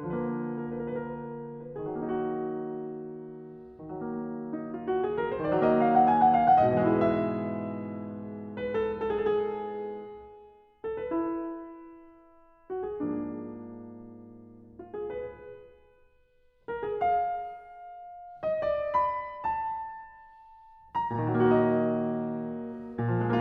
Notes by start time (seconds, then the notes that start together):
0.00 C#3
0.06 F3
0.10 A#3 B4
0.19 A#4
0.29 B4
0.38 A#4
0.45 B4
0.51 A#4
0.58 B4
0.65 A#4
0.72 B4
0.80 A#4
0.86 B4
0.94 A#4
1.01 B4
1.07 A#4
1.15 B4
1.23 A#4
1.31 B4
1.43 A#4
1.51 B4
1.73 G#4
1.88 D#3
1.93 F#3 D#4
1.99 A#3 F#4
3.84 D#3
3.89 F#3
3.95 A#3
4.13 D#4
4.38 F4
4.63 F#4
4.88 G#4
5.14 A#4
5.33 C5
5.48 D5
5.61 D#3 F#3 D#5
5.68 A#3
5.76 F5
5.87 F#5
6.07 G#5
6.19 F#5
6.34 F5
6.52 F#5
6.71 D#5
6.94 E4
6.99 G#2 G#4
7.05 B2 B4
7.09 E3 E5
7.14 G#3
8.56 B4
8.80 A4
9.20 G#4
10.83 A4
10.97 B4
11.22 E4
12.67 F#4
12.83 G#4
13.05 G#2 F3 A#3 D4
14.71 F4
14.95 G#4
15.20 B4
16.70 A#4
16.86 G#4
17.02 F5
18.45 D#5
18.67 D5
19.02 B5
19.56 A5
20.58 A#5
21.12 F#4
21.16 A#2 A#4
21.23 D#3
21.29 F#3 D#5
21.47 A#3